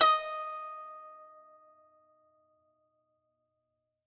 <region> pitch_keycenter=75 lokey=75 hikey=76 volume=-2.879946 lovel=100 hivel=127 ampeg_attack=0.004000 ampeg_release=0.300000 sample=Chordophones/Zithers/Dan Tranh/Normal/D#4_ff_1.wav